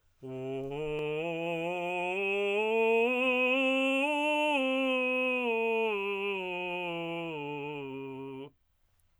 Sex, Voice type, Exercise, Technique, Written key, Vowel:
male, tenor, scales, belt, , u